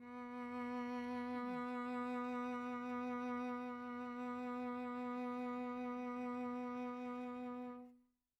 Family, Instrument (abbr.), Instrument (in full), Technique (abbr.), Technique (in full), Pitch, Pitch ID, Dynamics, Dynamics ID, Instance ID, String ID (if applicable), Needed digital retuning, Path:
Strings, Vc, Cello, ord, ordinario, B3, 59, mf, 2, 2, 3, FALSE, Strings/Violoncello/ordinario/Vc-ord-B3-mf-3c-N.wav